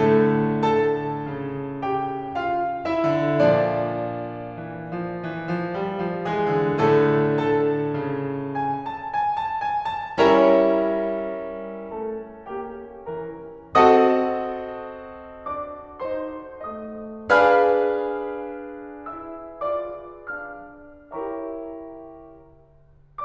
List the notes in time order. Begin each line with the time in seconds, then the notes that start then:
0.00 A2 D3 A3 A4
0.65 A4 A5
1.23 C#3
1.82 G4 G5
2.37 F4 F5
2.90 E4 E5
3.15 D3
3.47 A#2 F3 D4 D5
4.60 E3
4.96 F3
5.31 E3
5.51 F3
5.75 G3
5.99 F3
6.28 E3 G#3 G#4
6.54 D3
6.78 A2 D3 A3 A4
7.43 A4 A5
7.95 C#3
8.54 G#5
8.81 A5
9.01 G#5
9.23 A5
9.57 G#5
9.90 A5
10.18 G3 C#4 E4 A#4 C#5 E5 A#5
11.95 A3 A5
12.50 A#3 G5
13.32 E3 A#5
13.78 C4 F#4 A4 D#5 F#5 A5 D#6
15.46 D4 D5 D6
16.00 D#4 C5 C6
16.72 A3 D#5 D#6
17.36 D4 G#4 B4 F5 G#5 B5 F6
19.11 E4 E5 E6
19.67 F4 D5 D6
20.29 D4 F5 F6
21.11 E4 G4 A#4 C#5 E5 G5 A#5 C#6